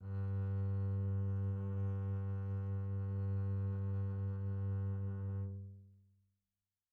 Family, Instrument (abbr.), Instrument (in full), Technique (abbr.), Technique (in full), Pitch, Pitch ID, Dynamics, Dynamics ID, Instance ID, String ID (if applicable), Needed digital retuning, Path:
Strings, Cb, Contrabass, ord, ordinario, G2, 43, pp, 0, 1, 2, FALSE, Strings/Contrabass/ordinario/Cb-ord-G2-pp-2c-N.wav